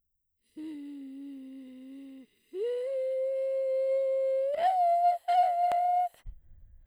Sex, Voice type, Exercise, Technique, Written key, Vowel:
female, soprano, long tones, inhaled singing, , e